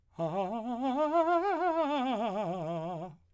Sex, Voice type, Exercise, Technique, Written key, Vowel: male, , scales, fast/articulated piano, F major, a